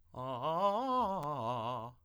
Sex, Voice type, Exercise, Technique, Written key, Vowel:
male, tenor, arpeggios, fast/articulated piano, C major, a